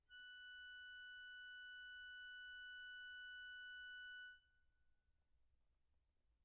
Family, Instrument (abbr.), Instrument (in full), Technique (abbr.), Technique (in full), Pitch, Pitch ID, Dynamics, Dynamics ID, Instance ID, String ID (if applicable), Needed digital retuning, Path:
Keyboards, Acc, Accordion, ord, ordinario, F#6, 90, mf, 2, 2, , FALSE, Keyboards/Accordion/ordinario/Acc-ord-F#6-mf-alt2-N.wav